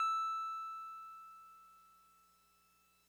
<region> pitch_keycenter=88 lokey=87 hikey=90 volume=21.355261 lovel=0 hivel=65 ampeg_attack=0.004000 ampeg_release=0.100000 sample=Electrophones/TX81Z/Piano 1/Piano 1_E5_vl1.wav